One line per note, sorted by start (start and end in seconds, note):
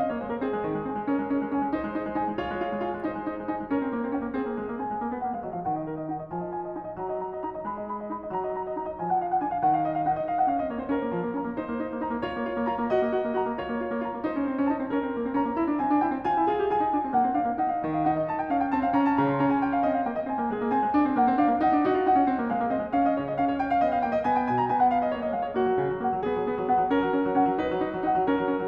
0.00 0.07 C4
0.00 0.07 D#5
0.07 0.20 A#3
0.07 0.20 C#5
0.20 0.30 G#3
0.20 0.30 C5
0.30 0.38 A#3
0.30 0.38 A#4
0.38 0.51 C4
0.38 0.86 G#4
0.51 0.63 G#3
0.63 0.77 D#3
0.77 0.86 G#3
0.86 0.94 C4
0.86 1.07 G#5
0.94 1.07 G#3
1.07 1.20 C#4
1.07 1.47 A#4
1.20 1.25 G#3
1.25 1.42 C#4
1.42 1.47 G#3
1.47 1.60 C#4
1.47 1.72 G#5
1.60 1.72 G#3
1.72 1.81 D#4
1.72 2.17 C5
1.81 1.95 G#3
1.95 2.03 D#4
2.03 2.17 G#3
2.17 2.29 D#4
2.17 2.38 G#5
2.29 2.38 G#3
2.38 2.47 F4
2.38 2.82 C#5
2.47 2.57 G#3
2.57 2.71 F4
2.71 2.82 G#3
2.82 2.90 F4
2.82 3.07 G#5
2.90 3.07 G#3
3.07 3.17 D#4
3.07 3.48 C5
3.17 3.29 G#3
3.29 3.40 D#4
3.40 3.48 G#3
3.48 3.60 D#4
3.48 3.72 G#5
3.60 3.72 G#3
3.72 3.83 C#4
3.72 4.16 A#4
3.83 3.95 C4
3.95 4.04 A#3
4.04 4.16 C4
4.16 4.20 C#4
4.16 4.32 G5
4.20 4.32 A#3
4.32 4.47 C4
4.32 4.77 G#4
4.47 4.56 A#3
4.56 4.64 G#3
4.64 4.77 A#3
4.77 4.89 C4
4.77 5.21 G#5
4.89 4.97 G#3
4.97 5.09 A#3
5.09 5.21 B3
5.21 5.32 A#3
5.21 5.32 F#5
5.32 5.42 G#3
5.32 5.42 F5
5.42 5.54 F#3
5.42 5.54 D#5
5.54 5.63 F3
5.54 5.63 F5
5.63 6.13 D#3
5.63 5.75 F#5
5.75 5.84 D#5
5.84 5.94 A#4
5.94 6.13 D#5
6.13 6.33 D#4
6.13 6.21 F#5
6.21 6.33 D#5
6.33 6.77 F3
6.33 6.42 G#5
6.42 6.56 D#5
6.56 6.66 G#5
6.66 6.77 D#5
6.77 6.98 D#4
6.77 6.85 G#5
6.85 6.98 D#5
6.98 7.43 F#3
6.98 7.11 A#5
7.11 7.21 D#5
7.21 7.31 A#5
7.31 7.43 D#5
7.43 7.63 D#4
7.43 7.53 A#5
7.53 7.63 D#5
7.63 8.10 G#3
7.63 7.77 B5
7.77 7.91 D#5
7.91 8.01 B5
8.01 8.10 D#5
8.10 8.32 D#4
8.10 8.20 B5
8.20 8.32 D#5
8.32 8.75 F#3
8.32 8.43 A#5
8.43 8.52 D#5
8.52 8.65 A#5
8.65 8.75 D#5
8.75 9.01 D#4
8.75 8.87 A#5
8.87 9.01 D#5
9.01 9.43 F3
9.01 9.13 G#5
9.13 9.22 F#5
9.22 9.32 F5
9.32 9.43 F#5
9.43 9.64 D4
9.43 9.49 G#5
9.49 9.64 F5
9.64 10.07 D#3
9.64 9.75 F#5
9.75 9.88 F5
9.88 10.00 D#5
10.00 10.07 F5
10.07 10.48 D#4
10.07 10.18 F#5
10.18 10.26 D#5
10.26 10.39 F5
10.39 10.48 F#5
10.48 10.60 C#4
10.48 10.60 F5
10.60 10.75 C4
10.60 10.75 D#5
10.75 10.81 A#3
10.75 10.81 C#5
10.81 10.88 C4
10.81 10.88 C5
10.88 11.02 C#4
10.88 11.33 A#4
11.02 11.09 A#3
11.09 11.20 F3
11.20 11.33 A#3
11.33 11.46 C#4
11.33 11.59 A#5
11.46 11.59 A#3
11.59 11.69 D#4
11.59 12.04 C5
11.69 11.82 A#3
11.82 11.95 D#4
11.95 12.04 A#3
12.04 12.11 D#4
12.04 12.25 A#5
12.11 12.25 A#3
12.25 12.34 F4
12.25 12.64 C#5
12.34 12.45 A#3
12.45 12.56 F4
12.56 12.64 A#3
12.64 12.71 F4
12.64 12.89 A#5
12.71 12.89 A#3
12.89 13.03 F#4
12.89 13.34 D#5
13.03 13.13 A#3
13.13 13.24 F#4
13.24 13.34 A#3
13.34 13.47 F#4
13.34 13.61 A#5
13.47 13.61 A#3
13.61 13.71 F4
13.61 14.01 C#5
13.71 13.78 A#3
13.78 13.91 F4
13.91 14.01 A#3
14.01 14.13 F4
14.01 14.26 A#5
14.13 14.26 A#3
14.26 14.40 D#4
14.26 14.72 C5
14.40 14.50 C#4
14.50 14.61 C4
14.61 14.72 C#4
14.72 14.81 D#4
14.72 14.93 A5
14.81 14.93 C4
14.93 15.06 C#4
14.93 15.37 A#4
15.06 15.20 C4
15.20 15.26 A#3
15.26 15.37 C4
15.37 15.45 C#4
15.37 15.79 A#5
15.45 15.62 A#3
15.62 15.67 E4
15.67 15.79 D4
15.79 15.91 C4
15.79 16.02 G#5
15.91 16.02 D4
16.02 16.13 E4
16.02 16.24 G5
16.13 16.24 C4
16.24 16.36 F4
16.24 16.50 G#5
16.36 16.50 E4
16.50 16.63 F4
16.50 16.72 G#4
16.63 16.72 G4
16.72 16.83 F4
16.72 17.18 G#5
16.83 16.95 D#4
16.95 17.07 D4
17.07 17.18 C4
17.18 17.29 A#3
17.18 17.36 F#5
17.29 17.36 C4
17.36 17.44 D4
17.36 17.59 F5
17.44 17.59 A#3
17.59 17.83 D#4
17.59 17.72 F#5
17.72 17.83 F5
17.83 18.07 D#3
17.83 17.96 D#5
17.96 18.07 F5
18.07 18.52 D#4
18.07 18.17 F#5
18.17 18.32 D#5
18.32 18.39 A5
18.39 18.52 G5
18.52 18.75 C#4
18.52 18.60 F5
18.60 18.75 G5
18.75 18.95 C4
18.75 18.84 A5
18.84 18.95 F5
18.95 19.19 C#4
18.95 19.09 A#5
19.09 19.19 A5
19.19 19.41 C#3
19.19 19.27 A#5
19.27 19.41 C6
19.41 19.84 C#4
19.41 19.52 A#5
19.52 19.63 G#5
19.63 19.73 G5
19.73 19.84 F5
19.84 20.05 C4
19.84 19.95 D#5
19.95 20.05 F5
20.05 20.28 A#3
20.05 20.19 G5
20.19 20.28 D#5
20.28 20.42 C4
20.28 20.50 G#5
20.42 20.50 A#3
20.50 20.61 G#3
20.50 20.74 G#4
20.61 20.74 A#3
20.74 20.84 C4
20.74 21.15 G#5
20.84 20.91 G#3
20.91 21.06 D4
21.06 21.15 C4
21.15 21.28 A#3
21.15 21.39 F#5
21.28 21.39 C4
21.39 21.48 D4
21.39 21.61 F5
21.48 21.61 A#3
21.61 21.73 D#4
21.61 21.85 F#5
21.73 21.85 D4
21.85 21.93 D#4
21.85 22.09 F#4
21.93 22.09 F4
22.09 22.21 D#4
22.09 22.52 F#5
22.21 22.28 C#4
22.28 22.37 C4
22.37 22.52 A#3
22.52 22.63 G#3
22.52 22.70 F5
22.63 22.70 A#3
22.70 22.79 C4
22.70 22.92 D#5
22.79 22.92 G#3
22.92 23.21 C#4
22.92 23.07 F5
23.07 23.21 D#5
23.21 23.36 C#3
23.21 23.28 C#5
23.28 23.36 D#5
23.36 23.84 C#4
23.36 23.46 F5
23.46 23.58 C#5
23.58 23.70 G5
23.70 23.84 F5
23.84 24.04 B3
23.84 23.96 D#5
23.96 24.04 F5
24.04 24.28 A#3
24.04 24.15 G5
24.15 24.28 D#5
24.28 24.53 B3
24.28 24.43 G#5
24.43 24.53 G5
24.53 24.73 B2
24.53 24.61 G#5
24.61 24.73 A#5
24.73 25.15 B3
24.73 24.86 G#5
24.86 24.95 F#5
24.95 25.07 F5
25.07 25.15 D#5
25.15 25.37 A#3
25.15 25.27 C#5
25.27 25.37 D#5
25.37 25.55 G#3
25.37 25.46 F5
25.46 25.55 C#5
25.55 25.66 A#3
25.55 26.04 F#4
25.66 25.79 F#3
25.79 25.91 C#3
25.91 26.04 F#3
26.04 26.13 A#3
26.04 26.23 F#5
26.13 26.23 F#3
26.23 26.37 B3
26.23 26.68 G#4
26.37 26.45 F#3
26.45 26.59 B3
26.59 26.68 F#3
26.68 26.81 B3
26.68 26.89 F#5
26.81 26.89 F#3
26.89 26.99 C#4
26.89 27.39 A#4
26.99 27.13 F#3
27.13 27.25 C#4
27.25 27.39 F#3
27.39 27.49 C#4
27.39 27.60 F#5
27.49 27.60 F#3
27.60 27.70 D#4
27.60 28.05 B4
27.70 27.82 F#3
27.82 27.96 D#4
27.96 28.05 F#3
28.05 28.15 D#4
28.05 28.26 F#5
28.15 28.26 F#3
28.26 28.35 C#4
28.26 28.68 A#4
28.35 28.47 F#3
28.47 28.55 C#4
28.55 28.68 F#3